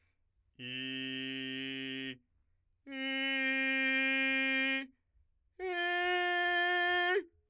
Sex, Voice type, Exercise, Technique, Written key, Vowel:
male, , long tones, straight tone, , i